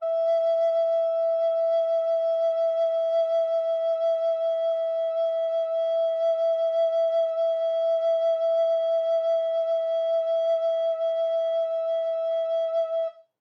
<region> pitch_keycenter=76 lokey=76 hikey=77 tune=-2 volume=9.886365 offset=526 ampeg_attack=0.004000 ampeg_release=0.300000 sample=Aerophones/Edge-blown Aerophones/Baroque Alto Recorder/SusVib/AltRecorder_SusVib_E4_rr1_Main.wav